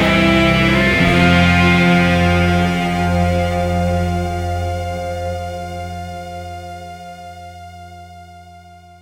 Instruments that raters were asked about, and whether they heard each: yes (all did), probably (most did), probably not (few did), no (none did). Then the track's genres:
cello: probably not
violin: probably not
Post-Punk; Americana; Goth